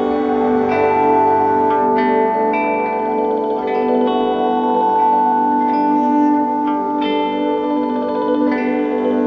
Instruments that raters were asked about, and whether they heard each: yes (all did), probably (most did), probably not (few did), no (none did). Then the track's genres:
guitar: yes
Indie-Rock; Ambient